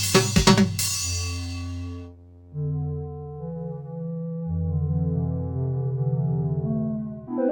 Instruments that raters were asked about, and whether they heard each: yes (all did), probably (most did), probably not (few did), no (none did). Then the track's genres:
trombone: no
trumpet: no
synthesizer: yes
Electronic; Hip-Hop Beats